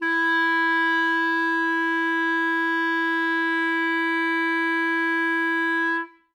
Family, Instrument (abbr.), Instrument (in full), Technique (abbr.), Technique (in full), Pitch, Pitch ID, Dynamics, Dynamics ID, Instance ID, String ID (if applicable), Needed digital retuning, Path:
Winds, ClBb, Clarinet in Bb, ord, ordinario, E4, 64, ff, 4, 0, , TRUE, Winds/Clarinet_Bb/ordinario/ClBb-ord-E4-ff-N-T30u.wav